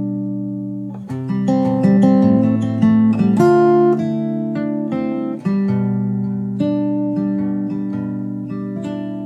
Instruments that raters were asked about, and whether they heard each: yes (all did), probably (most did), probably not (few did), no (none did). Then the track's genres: piano: probably
synthesizer: no
mallet percussion: probably not
guitar: yes
Pop; Folk; Singer-Songwriter